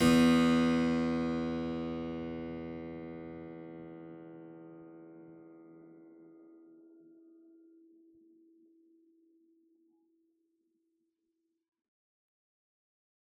<region> pitch_keycenter=40 lokey=40 hikey=40 volume=0 trigger=attack ampeg_attack=0.004000 ampeg_release=0.400000 amp_veltrack=0 sample=Chordophones/Zithers/Harpsichord, Unk/Sustains/Harpsi4_Sus_Main_E1_rr1.wav